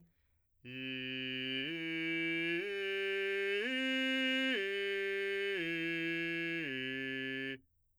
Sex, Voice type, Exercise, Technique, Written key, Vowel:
male, , arpeggios, straight tone, , i